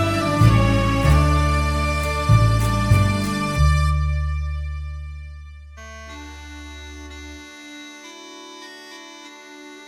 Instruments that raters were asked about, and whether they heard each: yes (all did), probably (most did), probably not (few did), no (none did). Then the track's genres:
accordion: probably not
organ: probably not
Pop; Folk; Indie-Rock